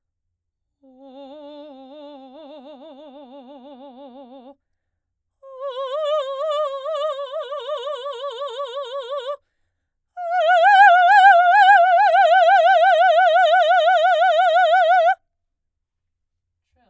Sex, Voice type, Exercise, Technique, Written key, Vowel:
female, soprano, long tones, trill (upper semitone), , o